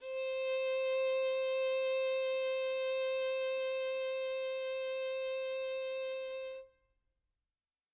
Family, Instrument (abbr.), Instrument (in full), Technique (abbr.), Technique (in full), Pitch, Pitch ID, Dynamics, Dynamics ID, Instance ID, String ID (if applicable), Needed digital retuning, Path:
Strings, Vn, Violin, ord, ordinario, C5, 72, mf, 2, 1, 2, FALSE, Strings/Violin/ordinario/Vn-ord-C5-mf-2c-N.wav